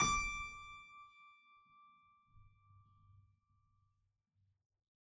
<region> pitch_keycenter=74 lokey=74 hikey=75 volume=3.049173 trigger=attack ampeg_attack=0.004000 ampeg_release=0.40000 amp_veltrack=0 sample=Chordophones/Zithers/Harpsichord, Flemish/Sustains/High/Harpsi_High_Far_D5_rr1.wav